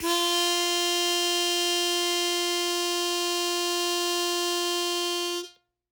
<region> pitch_keycenter=65 lokey=65 hikey=67 volume=4.583360 trigger=attack ampeg_attack=0.100000 ampeg_release=0.100000 sample=Aerophones/Free Aerophones/Harmonica-Hohner-Special20-F/Sustains/Accented/Hohner-Special20-F_Accented_F3.wav